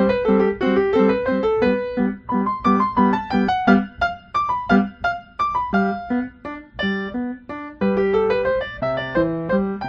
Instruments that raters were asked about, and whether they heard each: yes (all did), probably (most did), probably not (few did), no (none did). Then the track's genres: piano: yes
Classical